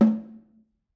<region> pitch_keycenter=60 lokey=60 hikey=60 volume=7.876824 offset=210 lovel=84 hivel=106 seq_position=1 seq_length=2 ampeg_attack=0.004000 ampeg_release=15.000000 sample=Membranophones/Struck Membranophones/Snare Drum, Modern 1/Snare2_HitNS_v5_rr1_Mid.wav